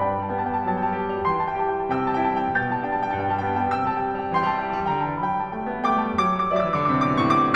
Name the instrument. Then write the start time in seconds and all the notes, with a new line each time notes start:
piano
0.00 G2 D5 G5 B5
0.07 A5
0.17 G3 G5
0.24 A5
0.33 B3 G5
0.48 A5
0.55 G3 G5
0.60 A5
0.66 F#3 G5
0.74 A5
0.85 G3 G5
0.91 A5
0.98 G4 G5
1.06 A5
1.13 G3 G5
1.18 A5
1.25 E3 G5 C6
1.36 A5
1.50 G3 G5
1.57 A5
1.64 G4 G5
1.73 A5
1.83 G3 G5
1.90 A5
2.02 C3 G5 E6
2.11 A5
2.18 G3 G5
2.26 A5
2.33 E4 G5
2.39 A5
2.45 G3 G5
2.51 A5
2.58 B2 G5 G6
2.67 A5
2.81 G3 G5
2.88 A5
2.97 D4 G5
3.04 A5
3.09 G3 G5
3.16 A5
3.25 G2 G5
3.34 A5
3.40 G3 G5
3.46 A5
3.54 B3 G5
3.61 A5
3.66 G3 G5
3.73 A5
3.78 C3 G5 E6
3.85 A5
3.92 G3 G5
4.01 A5
4.09 E4 G5
4.14 A5
4.20 G3 G5
4.28 A5
4.35 E3 G5 C6
4.42 A5
4.50 G3 G5
4.57 A5
4.64 G4 G5
4.71 A5
4.77 G3 G5
4.85 A5
4.96 D3 G5 A#5
5.04 A5
5.11 E3 G5
5.18 A5
5.27 F#3 G5 B5
5.35 A5
5.45 G3 G5
5.51 A5
5.61 A3 G5
5.70 A5
5.77 B3 G5
5.84 A5
5.91 A3 G5 D6
5.98 A5
6.04 G3 G5
6.11 A5
6.18 F#3 D6
6.26 E6
6.36 G3 D6
6.43 E6
6.50 F#3 D5 D6
6.57 E6
6.64 E3 D6
6.77 E6
6.84 D3 D6
6.94 E6
7.05 C3 D6
7.12 E6
7.19 B2 D6
7.24 E6
7.35 A2 C#6